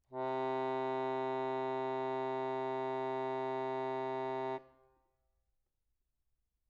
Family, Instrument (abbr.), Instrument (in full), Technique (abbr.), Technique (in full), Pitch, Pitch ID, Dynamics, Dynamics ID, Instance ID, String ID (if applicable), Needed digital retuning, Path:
Keyboards, Acc, Accordion, ord, ordinario, C3, 48, mf, 2, 3, , FALSE, Keyboards/Accordion/ordinario/Acc-ord-C3-mf-alt3-N.wav